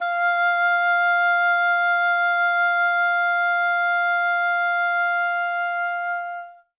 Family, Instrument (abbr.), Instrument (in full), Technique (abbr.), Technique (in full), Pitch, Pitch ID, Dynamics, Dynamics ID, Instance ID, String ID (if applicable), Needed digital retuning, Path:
Winds, Ob, Oboe, ord, ordinario, F5, 77, ff, 4, 0, , TRUE, Winds/Oboe/ordinario/Ob-ord-F5-ff-N-T10u.wav